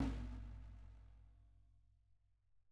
<region> pitch_keycenter=64 lokey=64 hikey=64 volume=20.239570 lovel=66 hivel=99 seq_position=1 seq_length=2 ampeg_attack=0.004000 ampeg_release=30.000000 sample=Membranophones/Struck Membranophones/Snare Drum, Rope Tension/Low/RopeSnare_low_sn_Main_vl2_rr1.wav